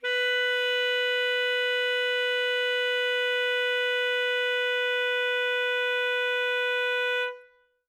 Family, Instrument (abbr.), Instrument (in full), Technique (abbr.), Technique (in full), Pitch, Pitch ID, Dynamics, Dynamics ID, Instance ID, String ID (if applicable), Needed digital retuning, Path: Winds, ASax, Alto Saxophone, ord, ordinario, B4, 71, ff, 4, 0, , FALSE, Winds/Sax_Alto/ordinario/ASax-ord-B4-ff-N-N.wav